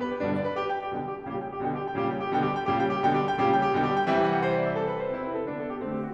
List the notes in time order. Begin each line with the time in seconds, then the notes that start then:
0.00 B4
0.09 G4
0.20 G2 B2 D3 G3 D4
0.31 D5
0.46 B4
0.57 G4
0.67 G5
0.84 G4
0.94 B2 D3 G3 G5
1.07 G4
1.21 G5
1.31 A#2 C#3 G3 G4
1.43 G5
1.51 G4
1.63 B2 D3 G3 G5
1.72 G4
1.83 G5
1.95 A#2 C#3 G3 G4
2.03 G5
2.17 G4
2.30 B2 D3 G3 G5
2.40 G4
2.50 G5
2.65 A#2 C#3 G3 G4
2.76 G5
2.94 G4
3.04 B2 D3 G3 G5
3.16 G4
3.26 G5
3.40 A#2 C#3 G3 G4
3.54 G5
3.68 G4
3.78 B2 D3 G3 G5
3.89 G4
3.99 G5
4.08 C3 E3 G3 E5
4.18 F#5
4.30 G5
4.41 C5
4.52 D5
4.62 E5
4.74 A4
4.82 B4
4.92 C5
5.04 C3 C4 E4
5.15 B4
5.28 A4
5.46 D3 B3 D4
5.55 A4
5.69 G4
5.80 D3 A3 C4
5.94 G4
6.05 F#4